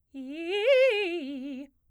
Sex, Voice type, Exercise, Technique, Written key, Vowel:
female, soprano, arpeggios, fast/articulated piano, C major, i